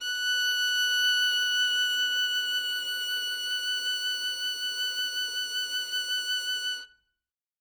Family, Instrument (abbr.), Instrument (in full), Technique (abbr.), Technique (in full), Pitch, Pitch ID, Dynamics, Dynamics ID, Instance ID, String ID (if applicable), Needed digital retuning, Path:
Strings, Vn, Violin, ord, ordinario, F#6, 90, ff, 4, 0, 1, TRUE, Strings/Violin/ordinario/Vn-ord-F#6-ff-1c-T12d.wav